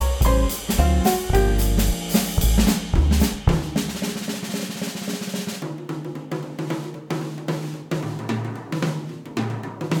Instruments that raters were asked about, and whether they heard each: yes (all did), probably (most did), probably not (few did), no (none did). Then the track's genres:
cymbals: yes
drums: yes
Jazz